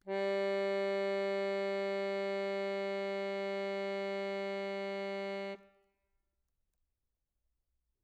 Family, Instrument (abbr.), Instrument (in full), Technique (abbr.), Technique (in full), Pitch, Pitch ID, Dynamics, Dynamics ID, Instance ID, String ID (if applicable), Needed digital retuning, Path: Keyboards, Acc, Accordion, ord, ordinario, G3, 55, mf, 2, 4, , FALSE, Keyboards/Accordion/ordinario/Acc-ord-G3-mf-alt4-N.wav